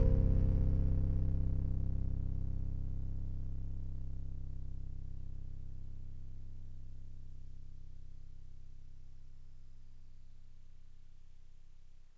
<region> pitch_keycenter=24 lokey=24 hikey=26 tune=-2 volume=11.650327 lovel=66 hivel=99 ampeg_attack=0.004000 ampeg_release=0.100000 sample=Electrophones/TX81Z/FM Piano/FMPiano_C0_vl2.wav